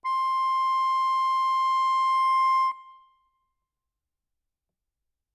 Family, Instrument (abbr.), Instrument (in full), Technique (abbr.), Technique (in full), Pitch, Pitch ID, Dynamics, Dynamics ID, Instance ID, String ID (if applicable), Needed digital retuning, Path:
Keyboards, Acc, Accordion, ord, ordinario, C6, 84, ff, 4, 1, , FALSE, Keyboards/Accordion/ordinario/Acc-ord-C6-ff-alt1-N.wav